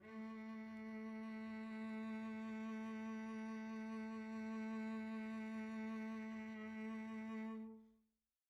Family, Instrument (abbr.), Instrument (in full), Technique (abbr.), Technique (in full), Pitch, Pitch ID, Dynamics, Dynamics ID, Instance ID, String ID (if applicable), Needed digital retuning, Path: Strings, Vc, Cello, ord, ordinario, A3, 57, pp, 0, 1, 2, FALSE, Strings/Violoncello/ordinario/Vc-ord-A3-pp-2c-N.wav